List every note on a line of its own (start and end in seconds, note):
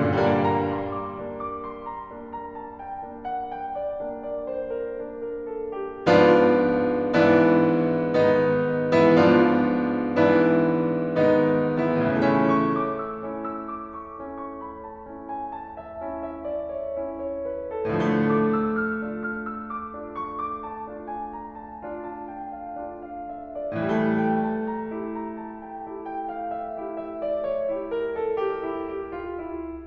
0.00 0.72 G2
0.00 0.35 A#3
0.00 0.35 D4
0.15 0.81 A#2
0.37 0.72 A#5
0.44 1.03 D3
0.73 6.06 G3
0.73 0.99 C6
1.00 1.20 D6
1.22 2.17 A#3
1.22 2.17 D4
1.43 1.60 D6
1.61 1.85 C6
1.86 2.17 A#5
2.18 3.03 A#3
2.18 3.03 D4
2.39 2.61 A#5
2.62 2.84 A5
2.86 3.03 G5
3.04 4.05 A#3
3.04 4.05 D4
3.33 3.56 F#5
3.59 3.80 G5
3.81 4.05 D5
4.06 4.95 A#3
4.06 4.95 D4
4.26 4.46 D5
4.48 4.70 C5
4.71 4.95 A#4
4.96 6.06 A#3
4.96 6.06 D4
5.26 5.53 A#4
5.55 5.77 A4
5.79 6.06 G4
6.08 7.08 G#2
6.08 7.08 F3
6.08 7.08 B3
6.08 7.08 D4
6.08 7.08 F4
7.11 8.08 G#2
7.11 8.08 E3
7.11 8.08 B3
7.11 8.08 D4
7.11 8.08 E4
8.10 9.21 G#2
8.10 8.87 D#3
8.10 9.21 B3
8.10 9.21 D4
8.10 8.87 D#4
8.88 9.21 E3
8.88 9.21 E4
9.26 10.15 G#2
9.26 10.15 F3
9.26 10.15 B3
9.26 10.15 D4
9.26 10.15 F4
10.19 11.15 G#2
10.19 11.15 E3
10.19 11.15 B3
10.19 11.15 D4
10.19 11.15 E4
11.17 12.09 G#2
11.17 11.84 D#3
11.17 12.09 B3
11.17 12.09 D4
11.17 11.84 D#4
11.85 12.09 E3
11.85 12.09 E4
12.11 12.63 A2
12.11 12.36 C#4
12.11 12.36 E4
12.19 12.76 C#3
12.29 12.82 E3
12.39 17.81 A3
12.39 12.63 C#6
12.67 12.89 D6
12.90 13.08 E6
13.10 14.21 C#4
13.10 14.21 E4
13.37 13.56 E6
13.58 13.89 D6
13.90 14.21 C#6
14.22 15.01 C#4
14.22 15.01 E4
14.43 14.62 C#6
14.64 14.80 B5
14.83 15.01 A5
15.02 15.99 C#4
15.02 15.99 E4
15.30 15.50 G#5
15.52 15.74 A5
15.77 15.99 E5
16.00 16.94 C#4
16.00 16.94 E4
16.30 16.47 E5
16.49 16.73 D5
16.75 16.94 C#5
16.97 17.81 C#4
16.97 17.81 E4
17.21 17.38 C#5
17.39 17.62 B4
17.65 17.81 A4
17.83 18.32 A2
17.91 18.40 D3
18.00 18.53 F3
18.05 23.70 A3
18.05 18.32 D6
18.33 18.67 E6
18.69 18.99 F6
19.02 19.97 D4
19.02 19.97 F4
19.24 19.47 F6
19.52 19.74 E6
19.75 19.97 D6
19.99 20.85 D4
19.99 20.85 F4
20.20 20.41 C#6
20.42 20.65 D6
20.67 20.85 A5
20.87 21.75 D4
20.87 21.75 F4
21.10 21.30 G#5
21.32 21.52 A#5
21.54 21.75 A5
21.76 22.79 D4
21.76 22.79 F4
21.98 22.23 A5
22.26 22.51 G5
22.55 22.79 F5
22.81 23.70 D4
22.81 23.70 F4
23.07 23.27 F5
23.29 23.48 E5
23.49 23.70 D5
23.72 24.32 A2
23.81 24.45 E3
23.88 24.57 G3
23.99 29.71 A3
23.99 24.32 G5
24.35 24.65 A5
24.66 24.93 A#5
24.94 25.86 E4
24.94 25.86 G4
25.23 25.45 A#5
25.47 25.65 A5
25.67 25.86 G5
25.87 26.76 E4
25.87 26.76 G4
26.10 26.26 G5
26.28 26.51 F5
26.53 26.76 E5
26.77 27.70 E4
26.77 27.70 G4
26.98 27.19 E5
27.20 27.42 D5
27.49 27.70 C#5
27.71 28.58 E4
27.71 28.58 G4
27.91 28.13 A#4
28.14 28.31 A4
28.33 28.58 G4
28.61 29.71 E4
28.61 29.71 G4
28.83 29.13 G4
29.14 29.37 F4
29.38 29.71 E4